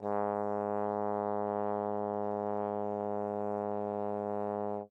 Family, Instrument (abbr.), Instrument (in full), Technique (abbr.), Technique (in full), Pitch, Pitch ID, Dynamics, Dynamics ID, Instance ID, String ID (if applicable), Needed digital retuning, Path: Brass, Tbn, Trombone, ord, ordinario, G#2, 44, mf, 2, 0, , FALSE, Brass/Trombone/ordinario/Tbn-ord-G#2-mf-N-N.wav